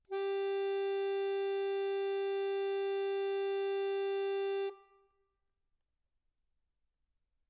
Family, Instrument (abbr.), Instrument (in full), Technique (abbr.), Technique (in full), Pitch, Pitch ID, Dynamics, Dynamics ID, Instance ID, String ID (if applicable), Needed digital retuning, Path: Keyboards, Acc, Accordion, ord, ordinario, G4, 67, mf, 2, 2, , FALSE, Keyboards/Accordion/ordinario/Acc-ord-G4-mf-alt2-N.wav